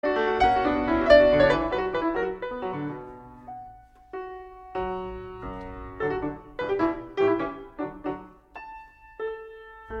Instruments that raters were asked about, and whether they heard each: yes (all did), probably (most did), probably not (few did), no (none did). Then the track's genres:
piano: yes
Classical